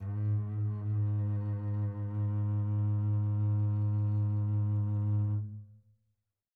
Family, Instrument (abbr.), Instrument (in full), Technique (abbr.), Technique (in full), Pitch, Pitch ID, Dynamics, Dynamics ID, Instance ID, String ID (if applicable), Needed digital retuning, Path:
Strings, Cb, Contrabass, ord, ordinario, G#2, 44, pp, 0, 3, 4, TRUE, Strings/Contrabass/ordinario/Cb-ord-G#2-pp-4c-T21u.wav